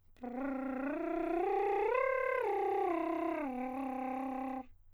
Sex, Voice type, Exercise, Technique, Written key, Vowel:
male, countertenor, arpeggios, lip trill, , e